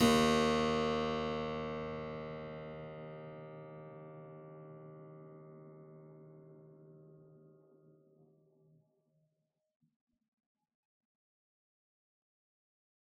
<region> pitch_keycenter=39 lokey=39 hikey=39 volume=0 trigger=attack ampeg_attack=0.004000 ampeg_release=0.400000 amp_veltrack=0 sample=Chordophones/Zithers/Harpsichord, Unk/Sustains/Harpsi4_Sus_Main_D#1_rr1.wav